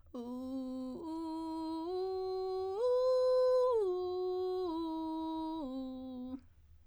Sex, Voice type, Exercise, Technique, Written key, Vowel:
female, soprano, arpeggios, vocal fry, , u